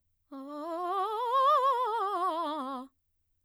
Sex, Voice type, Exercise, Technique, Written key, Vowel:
female, mezzo-soprano, scales, fast/articulated piano, C major, a